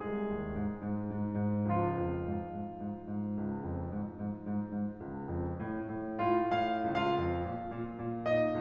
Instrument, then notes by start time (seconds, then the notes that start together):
piano
0.00 C2 G#3 G#4
0.27 D#2
0.46 G#2
0.82 G#2
1.13 G#2
1.44 G#2
1.71 C#2 F3 F4
1.96 F2
2.26 G#2
2.53 G#2
2.82 G#2
3.07 G#2
3.39 C#2
3.63 F2
3.89 G#2
4.14 G#2
4.40 G#2
4.74 G#2
5.10 C#2
5.36 F2
5.61 A2
5.92 A2
6.23 A2 F4
6.55 A2 F5
6.90 C#2 F4 F5
7.15 F2
7.49 A#2
7.72 A#2
8.02 A#2
8.30 A#2 D#4 D#5